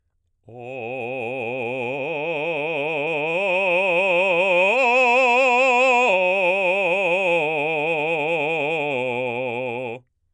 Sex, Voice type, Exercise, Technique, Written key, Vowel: male, baritone, arpeggios, slow/legato forte, C major, o